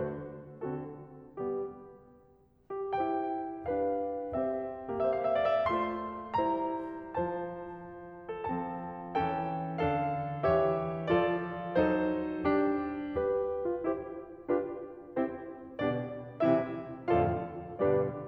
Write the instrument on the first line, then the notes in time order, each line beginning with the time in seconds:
piano
0.00 D3 A3 F#4 C5
0.79 D3 C4 F#4 A4
1.43 G3 B3 G4
2.75 G4
2.96 E4 G4 C5 G5
3.67 D4 G4 B4 F5
4.38 C4 G4 C5 E5
5.04 A#3 G4 C5 E5
5.11 F5
5.18 E5
5.25 F5
5.34 E5
5.42 F5
5.53 D5
5.64 E5
5.75 A3 F4 C5 C6
6.44 G3 E4 C5 A#5
7.17 F3 F4 C5 A5
8.32 A4
8.50 F3 C4 A4 A5
9.20 E3 C4 A4 G5
9.82 D3 D4 A4 F5
10.52 E3 G4 C#5 E5
11.10 F3 F4 A4 D5
11.77 F#3 D#4 A4 C5
12.45 G3 D4 G4
13.17 G4 B4
13.68 F4
13.86 E4 G4 C5
14.47 D4 F4 G4 B4
15.19 C4 E4 G4 C5
15.81 B2 D3 G3 B3 D4 G4 D5
16.42 C3 E3 G3 C4 E4 G4 C5 E5
17.10 F2 A2 D3 F3 F4 A4 D5 F5
17.86 G2 B2 D3 G3 D4 G4 B4 D5